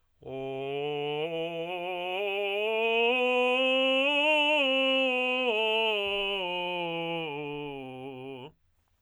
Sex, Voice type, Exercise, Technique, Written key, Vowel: male, tenor, scales, belt, , o